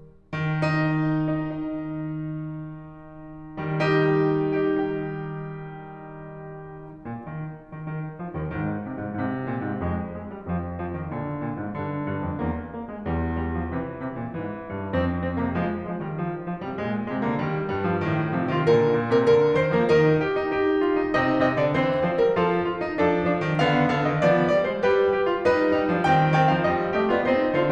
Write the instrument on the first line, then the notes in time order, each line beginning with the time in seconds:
piano
0.33 D#3
0.49 D#4
1.13 D#4
1.29 D#4
3.57 D#3 G3
3.79 D#4 G4
4.44 D#4 G4
4.61 D#4 G4
7.08 A#2
7.29 D#3
7.69 D#3
7.85 D#3
8.19 F3
8.34 D#2 D#3
8.49 G#2 D#3
8.89 C3
9.03 G#2
9.19 G#2 C3
9.48 A#2
9.65 G#2
9.85 G#2 G#3
10.14 F2 G#3
10.29 G3
10.49 F2 F3
10.81 F3
10.95 D#3
11.10 A#2 D3
11.41 A#2
11.58 G#2
11.74 G2 D3
12.12 G2
12.30 F2
12.43 E2 A#3
12.71 A#3
12.86 G#3
13.02 D#2 G3
13.37 G3
13.53 F3
13.68 C3 E3
14.01 C3
14.18 A#2
14.30 G#2 E3
14.63 G#2
14.80 G2
14.92 F2 C4
15.23 C4
15.40 C3 A#3
15.53 F3 G#3
15.88 F3 G#3
16.03 D#3 G3
16.17 D3 F3
16.48 D3 F3
16.65 C3 G3
16.79 A#2 G#3
17.06 C3 G#3
17.21 D3 A#3
17.35 D#3 G3
17.70 G2 G3
17.89 F3
18.04 G#2 D#3
18.36 C3 F3
18.49 D#3 F4
18.64 A#2 D3 A#4
18.96 A#2
19.13 C3 A#4
19.24 D3 A#4
19.53 D#3 C5
19.79 F3 A#3 A#4
19.96 G3 D#4 A#4
20.25 G4
20.39 D#4
20.51 D#4 G4
20.86 F4
20.99 D#4
21.18 C3 D#4 D#5
21.47 C3 C4 D#5
21.59 D3 D5
21.75 E3 C4 C5
22.08 F3 C5
22.19 G3 A#4
22.33 F3 F4 A4
22.60 F4
22.81 D#4
22.96 F3 D4 A4
23.27 F3 D4
23.41 D#3 C4
23.59 D3 B3 F5
23.93 D3 F5
24.10 D#3 D#5
24.22 F3 B3 D5
24.53 G3 D5
24.67 G#3 C5
24.82 G3 G4 B4
25.13 G4
25.28 F4
25.43 G3 D#4 B4
25.71 G3 D#4
25.88 F3 D4
26.04 D#3 C4 G5
26.38 D#3 C4 G5
26.53 F3 F5
26.74 G3 D#5
27.00 A3 G4 D#5
27.12 B3 F4 D5
27.24 C4 D#4 C5
27.57 D3 F4 C5